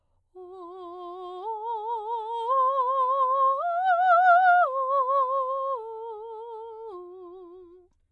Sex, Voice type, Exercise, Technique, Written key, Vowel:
female, soprano, arpeggios, slow/legato piano, F major, o